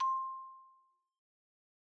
<region> pitch_keycenter=72 lokey=70 hikey=75 volume=13.198534 lovel=0 hivel=83 ampeg_attack=0.004000 ampeg_release=15.000000 sample=Idiophones/Struck Idiophones/Xylophone/Medium Mallets/Xylo_Medium_C5_pp_01_far.wav